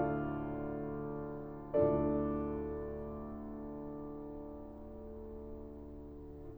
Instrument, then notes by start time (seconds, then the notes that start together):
piano
0.01 D2 A2 D3 F4 A4 D5 F5
1.84 D2 A2 D3 D4 F4 A4 D5